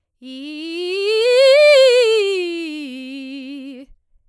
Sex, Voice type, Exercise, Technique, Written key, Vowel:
female, soprano, scales, fast/articulated forte, C major, i